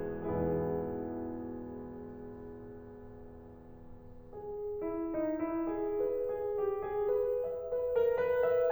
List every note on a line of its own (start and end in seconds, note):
0.00 7.14 E2
0.00 7.14 G#2
0.00 7.14 B2
0.00 7.14 E3
0.00 4.81 G#3
0.00 4.81 B3
0.00 4.81 E4
0.00 4.81 G#4
5.10 5.99 D#4
5.43 5.61 E4
5.99 6.79 B4
6.25 6.59 G#4
6.64 7.49 G4
6.90 7.06 G#4
7.49 8.16 E5
7.72 7.95 B4
7.94 8.67 A#4
8.14 8.48 B4